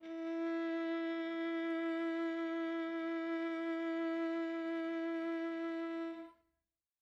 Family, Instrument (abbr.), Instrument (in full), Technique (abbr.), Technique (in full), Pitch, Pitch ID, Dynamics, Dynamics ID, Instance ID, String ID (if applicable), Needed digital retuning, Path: Strings, Va, Viola, ord, ordinario, E4, 64, mf, 2, 3, 4, FALSE, Strings/Viola/ordinario/Va-ord-E4-mf-4c-N.wav